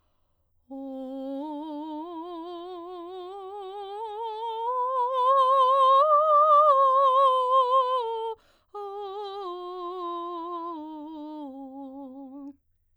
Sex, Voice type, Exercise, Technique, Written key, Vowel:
female, soprano, scales, slow/legato piano, C major, o